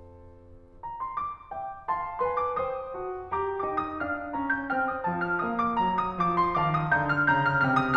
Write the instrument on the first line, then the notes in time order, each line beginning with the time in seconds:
piano
0.84 A#5
0.98 C6
1.11 D6
1.53 E5 G5
1.87 F5 A5 C6
2.23 B4 G#5 C6
2.39 D6
2.56 C5 G5 D#6
2.96 F#4 A5
3.29 G4 A#5 D6
3.65 D#4 G5 D6
3.78 D#6
4.00 D4 A5 F6
4.29 C#4 A#5
4.53 G6
4.73 C4 G5 F6
4.87 D#6
5.07 F3 A5
5.26 F6
5.43 A#3 F5 D#6
5.58 D6
5.74 F#3 A#5
6.00 D#6
6.17 F3 D6
6.42 C6
6.58 D#3 F5 A5 D6
6.78 D#6
6.99 D3 F5 A#5 G6
7.17 F6
7.31 C#3 A#5 G6
7.47 F6
7.67 C3 G5 F6
7.81 D#6